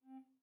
<region> pitch_keycenter=60 lokey=60 hikey=61 tune=-17 volume=15.176264 offset=946 ampeg_attack=0.004000 ampeg_release=10.000000 sample=Aerophones/Edge-blown Aerophones/Baroque Tenor Recorder/Staccato/TenRecorder_Stac_C3_rr1_Main.wav